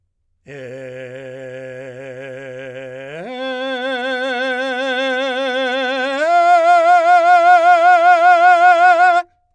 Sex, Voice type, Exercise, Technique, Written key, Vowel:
male, , long tones, full voice forte, , e